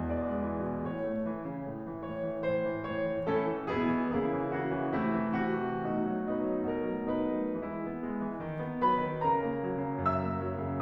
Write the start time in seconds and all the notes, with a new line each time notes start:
0.01 E2 D5
0.32 G#3
0.50 E3
0.70 B2
0.88 A2 C#5
1.07 A3
1.28 E3
1.50 C#3
1.69 A2
1.91 E3
2.11 G#2 C#5
2.25 E3
2.43 G#2 C5
2.66 E3
2.88 A2 C#5
3.07 E3
3.26 A2 C#4 E4 A4
3.48 E3
3.69 B2 B3 E4 G#4
3.92 E3
4.13 C#3 A#3 E4 G#4
4.31 E3
4.56 C#3 F#4
4.75 E3
4.96 C3 A3 E4
5.17 E3
5.40 C3 F#4
5.61 E3
5.82 B2 A3 D#4 F#4
6.00 F#3
6.23 B2 D#4 B4
6.40 F#3 A3
6.68 B2 A#4
6.86 F#3 A3
7.04 B2 D#4 B4
7.44 F#3 A3
7.64 E3 G#3 E4
7.85 B3
8.05 G#3
8.23 E3
8.43 D#3
8.61 B3
8.81 F#3 B4 B5
9.05 D#3
9.21 C#3 A#4 A#5
9.39 A#3
9.62 F#3
9.78 C#3
9.98 F#2 E5 E6
10.19 A#3
10.37 F#3
10.58 C#3